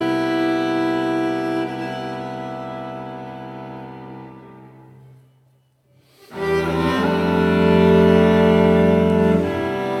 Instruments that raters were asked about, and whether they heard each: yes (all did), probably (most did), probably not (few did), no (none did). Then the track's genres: cello: yes
violin: probably not
Classical